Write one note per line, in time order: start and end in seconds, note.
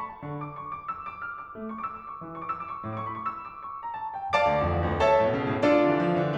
0.00 0.10 B5
0.12 0.23 A5
0.23 0.59 D3
0.44 0.59 D6
0.60 0.73 C#6
0.73 0.91 D6
0.92 1.07 E6
1.08 1.24 D6
1.24 1.38 F6
1.39 1.54 D6
1.54 1.86 A3
1.66 1.76 C#6
1.76 1.86 D6
1.86 1.94 E6
1.94 2.07 D6
2.08 2.18 C#6
2.19 2.48 E3
2.31 2.39 C#6
2.40 2.48 D6
2.48 2.59 E6
2.60 2.72 D6
2.72 2.81 C#6
2.82 3.15 A2
3.00 3.09 C#6
3.00 3.05 D6
3.05 3.15 B5
3.10 3.15 C#6
3.16 3.36 E6
3.37 3.65 D6
3.65 3.80 C#6
3.81 3.95 A#5
3.96 4.17 A5
4.17 4.34 G5
4.35 4.66 D5
4.35 4.66 F5
4.35 4.66 A5
4.35 4.66 D6
4.45 4.57 D2
4.59 4.66 E2
4.67 4.78 F2
4.78 4.89 E2
4.90 5.00 D2
5.00 5.35 A4
5.00 5.35 C#5
5.00 5.35 E5
5.00 5.35 A5
5.11 5.21 A2
5.24 5.35 B2
5.35 5.45 C#3
5.46 5.56 B2
5.57 5.65 A2
5.65 6.01 D4
5.65 6.01 F4
5.65 6.01 A4
5.65 6.01 D5
5.77 5.90 D3
5.90 6.01 E3
6.03 6.13 F3
6.14 6.25 E3
6.25 6.36 D3